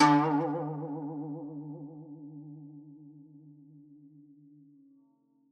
<region> pitch_keycenter=49 lokey=49 hikey=50 volume=2.824378 lovel=84 hivel=127 ampeg_attack=0.004000 ampeg_release=0.300000 sample=Chordophones/Zithers/Dan Tranh/Vibrato/C#2_vib_ff_1.wav